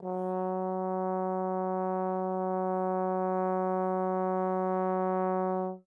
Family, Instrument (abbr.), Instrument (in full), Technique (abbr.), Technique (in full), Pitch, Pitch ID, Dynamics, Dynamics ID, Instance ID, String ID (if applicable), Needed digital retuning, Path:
Brass, Tbn, Trombone, ord, ordinario, F#3, 54, mf, 2, 0, , FALSE, Brass/Trombone/ordinario/Tbn-ord-F#3-mf-N-N.wav